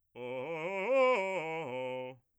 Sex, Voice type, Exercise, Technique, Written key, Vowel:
male, bass, arpeggios, fast/articulated forte, C major, o